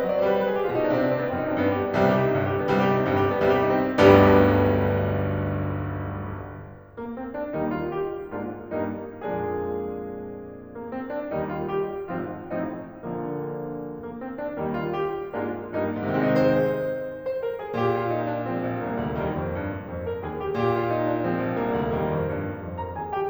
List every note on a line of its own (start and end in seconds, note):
0.00 0.07 D#5
0.07 0.24 F#3
0.07 0.15 D5
0.15 0.24 C5
0.24 0.55 G3
0.24 0.33 B4
0.34 0.38 C5
0.39 0.48 B4
0.48 0.55 G#4
0.55 0.63 G4
0.63 0.71 F4
0.71 0.88 B2
0.71 0.78 D#4
0.79 0.88 D4
0.89 1.25 C3
0.89 0.99 C4
0.99 1.07 D4
1.07 1.15 C4
1.15 1.25 B3
1.25 1.36 C4
1.37 1.45 D#4
1.45 1.64 F#2
1.45 1.53 D4
1.53 1.64 C4
1.64 2.01 G2
1.64 1.75 B3
1.75 1.83 G4
1.85 1.92 D4
1.93 2.01 B3
2.01 2.33 C2
2.01 2.33 C3
2.01 2.08 G3
2.08 2.17 G4
2.17 2.25 D#4
2.25 2.33 C4
2.36 2.67 G1
2.36 2.67 G2
2.36 2.45 G3
2.45 2.51 G4
2.51 2.58 D4
2.59 2.67 B3
2.67 3.03 C2
2.67 3.03 C3
2.67 2.76 G3
2.77 2.86 G4
2.86 2.95 D#4
2.95 3.03 C4
3.04 3.39 G1
3.04 3.39 G2
3.04 3.13 G3
3.13 3.22 G4
3.23 3.31 D4
3.31 3.39 B3
3.39 3.75 C2
3.39 3.75 C3
3.39 3.48 G3
3.48 3.58 G4
3.58 3.66 D#4
3.66 3.75 C4
3.75 6.61 G1
3.75 6.61 B1
3.75 6.61 D2
3.75 6.61 G2
3.75 6.61 G3
3.75 6.61 B3
3.75 6.61 D4
3.75 6.61 G4
6.95 7.14 A#3
7.14 7.31 C4
7.33 7.55 D4
7.58 8.32 D#2
7.58 8.32 D#3
7.58 8.32 G3
7.58 8.32 A#3
7.58 7.77 D#4
7.78 7.95 F4
7.95 8.32 G4
8.32 8.77 G#2
8.32 8.77 G#3
8.32 8.77 A#3
8.32 8.77 D4
8.32 8.77 F4
8.79 9.23 G2
8.79 9.23 G3
8.79 9.23 A#3
8.79 9.23 D#4
9.23 10.45 F2
9.23 10.45 A#2
9.23 10.45 F3
9.23 10.45 G#3
9.23 10.45 A#3
9.23 10.45 D4
9.23 10.45 G#4
10.75 10.95 A#3
10.95 11.15 C4
11.15 11.33 D4
11.33 12.10 D#2
11.33 12.10 D#3
11.33 12.10 G3
11.33 12.10 A#3
11.33 11.47 D#4
11.47 11.68 F4
11.69 12.10 G4
12.10 12.43 G#1
12.10 12.43 G#2
12.10 12.43 F3
12.10 12.43 C4
12.10 12.43 F4
12.43 12.82 A1
12.43 12.82 A2
12.43 12.82 F3
12.43 12.82 C4
12.43 12.82 D#4
12.82 13.73 A#1
12.82 13.73 A#2
12.82 13.73 D3
12.82 13.73 F3
12.82 13.73 A#3
13.94 14.18 A#3
14.19 14.38 C4
14.40 14.58 D4
14.58 15.35 D#2
14.58 15.35 D#3
14.58 14.76 D#4
14.76 14.93 F4
14.93 15.35 G4
15.36 15.69 G#2
15.36 15.69 G#3
15.36 15.69 A#3
15.36 15.69 D4
15.36 15.69 F4
15.70 16.06 G2
15.70 16.06 G3
15.70 16.06 A#3
15.70 16.06 D#4
16.06 16.42 G#2
16.06 16.18 C4
16.10 16.42 C3
16.10 16.42 D#3
16.10 16.18 D#4
16.10 16.18 G#4
16.18 16.42 G#3
16.18 17.12 C5
17.12 17.41 C5
17.41 17.59 A#4
17.59 17.74 G#4
17.74 20.57 A#2
17.74 17.90 G4
17.90 18.04 F4
18.05 18.24 D#4
18.25 18.46 D4
18.46 19.18 F3
18.46 19.18 G#3
18.46 18.81 C4
18.62 18.81 A#1
18.81 18.99 C2
18.81 19.18 A#3
18.99 19.18 D2
19.21 19.37 D#2
19.21 19.86 D#3
19.21 19.86 G3
19.21 19.86 A#3
19.38 19.54 F2
19.55 19.86 G2
19.86 20.21 F2
20.05 20.21 A#4
20.21 20.57 D#2
20.21 20.41 G#4
20.42 20.57 G4
20.58 23.30 A#2
20.58 20.72 G4
20.72 20.91 F4
20.91 21.06 D#4
21.07 21.22 D4
21.22 21.99 F3
21.22 21.99 G#3
21.22 21.57 C4
21.40 21.57 A#1
21.58 21.77 C2
21.58 21.99 A#3
21.77 21.99 D2
21.99 22.13 D#2
21.99 22.65 D#3
21.99 22.65 G3
21.99 22.65 A#3
22.14 22.33 F2
22.33 22.65 G2
22.66 22.95 F2
22.83 22.95 A#4
22.83 22.95 A#5
22.95 23.30 D#2
22.95 23.13 G#4
22.95 23.13 G#5
23.13 23.30 G4
23.13 23.30 G5